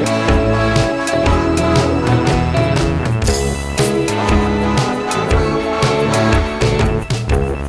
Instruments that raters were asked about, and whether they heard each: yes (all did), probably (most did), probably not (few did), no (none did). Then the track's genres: organ: no
Post-Rock; Experimental; Ambient; Lounge